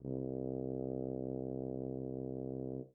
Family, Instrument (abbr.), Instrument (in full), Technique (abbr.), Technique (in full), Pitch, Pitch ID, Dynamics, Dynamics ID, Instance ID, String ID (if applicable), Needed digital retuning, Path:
Brass, BTb, Bass Tuba, ord, ordinario, C2, 36, mf, 2, 0, , TRUE, Brass/Bass_Tuba/ordinario/BTb-ord-C2-mf-N-T23u.wav